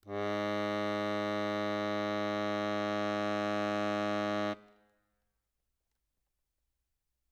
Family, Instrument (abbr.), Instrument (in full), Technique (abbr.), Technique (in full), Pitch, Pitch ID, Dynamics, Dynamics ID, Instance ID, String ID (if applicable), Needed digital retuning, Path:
Keyboards, Acc, Accordion, ord, ordinario, G#2, 44, ff, 4, 0, , FALSE, Keyboards/Accordion/ordinario/Acc-ord-G#2-ff-N-N.wav